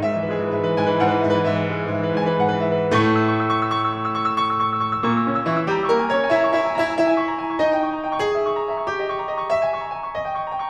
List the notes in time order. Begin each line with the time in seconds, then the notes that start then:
0.00 G#2 E5
0.10 E3 B4
0.29 G#3 G#4
0.41 E3 B4
0.52 G#2 E5
0.60 E3 B4
0.71 G#2 G#5
0.81 E3 B4
0.98 G#2 F#5
1.09 E3 B4
1.23 G#2 E5
1.32 E3 B4
1.46 G#2 E5
1.58 E3 B4
1.67 G#3 G#4
1.75 E3 B4
1.83 G#2 E5
1.94 E3 B4
2.14 G#2 G#5
2.26 E3 B4
2.39 G#2 F#5
2.51 E3 B4
2.61 G#2 E5
2.77 E3 B4
2.89 A2 A3 C#6
3.07 E6
3.15 C#6
3.24 E6
3.37 C#6
3.47 E6
3.55 C#6
3.65 E6
3.80 C#6
3.88 E6
4.01 C#6
4.18 E6
4.31 C#6
4.41 E6
4.52 C#6
4.62 E6
4.74 C#6
4.85 E6
4.95 A#2 A#3 C#6
5.04 E6
5.12 C#3 C#4 C#6
5.24 E6
5.42 E3 E4 C#6
5.50 E6
5.62 G3 G4 C#6
5.69 E6
5.78 A#3 A#4 A#5
5.97 C#6
6.05 C#4 C#5 G#5
6.16 A#5
6.29 E4 E5 G#5
6.52 A#5
6.63 E4 E5 C#6
6.72 A#5
6.80 E4 E5 G#5
6.91 A#5
7.02 E4 E5
7.13 G#5
7.27 C#6
7.37 A#5
7.47 G#5
7.57 C#6
7.65 D#4 D#5
7.76 G5
7.85 C#6
7.94 A#5
8.03 G5
8.13 C#6
8.22 G#4
8.38 E5
8.48 C#6
8.60 A#5
8.74 E5
8.82 C#6
8.90 G4
9.00 D#5
9.09 C#6
9.16 A#5
9.29 D#5
9.38 C#6
9.51 E5
9.62 G#5
9.80 C#6
9.89 A#5
9.97 G#5
10.07 C#6
10.16 D#5
10.27 G5
10.39 C#6
10.48 A#5
10.57 G5
10.63 C#6